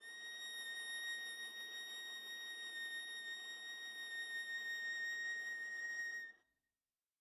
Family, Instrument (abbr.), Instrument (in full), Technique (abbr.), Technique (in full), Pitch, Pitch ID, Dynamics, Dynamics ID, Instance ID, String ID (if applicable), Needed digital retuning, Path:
Strings, Va, Viola, ord, ordinario, A#6, 94, mf, 2, 0, 1, FALSE, Strings/Viola/ordinario/Va-ord-A#6-mf-1c-N.wav